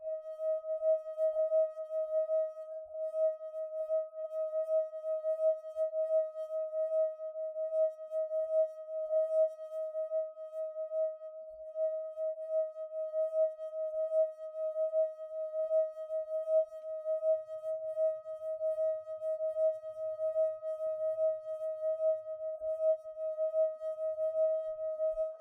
<region> pitch_keycenter=75 lokey=74 hikey=76 tune=-32 volume=19.379222 trigger=attack ampeg_attack=0.004000 ampeg_release=0.500000 sample=Idiophones/Friction Idiophones/Wine Glasses/Sustains/Fast/glass1_D#4_Fast_1_main.wav